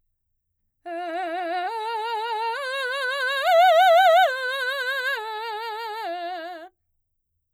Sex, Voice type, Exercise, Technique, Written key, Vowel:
female, mezzo-soprano, arpeggios, slow/legato forte, F major, e